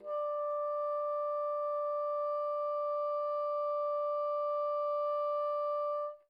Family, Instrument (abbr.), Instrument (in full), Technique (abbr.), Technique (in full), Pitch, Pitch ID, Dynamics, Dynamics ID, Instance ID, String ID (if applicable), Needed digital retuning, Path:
Winds, Bn, Bassoon, ord, ordinario, D5, 74, pp, 0, 0, , FALSE, Winds/Bassoon/ordinario/Bn-ord-D5-pp-N-N.wav